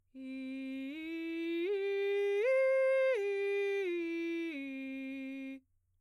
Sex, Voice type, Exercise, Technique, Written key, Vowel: female, soprano, arpeggios, straight tone, , i